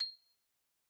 <region> pitch_keycenter=96 lokey=94 hikey=97 volume=16.578977 lovel=0 hivel=83 ampeg_attack=0.004000 ampeg_release=15.000000 sample=Idiophones/Struck Idiophones/Xylophone/Medium Mallets/Xylo_Medium_C7_pp_01_far.wav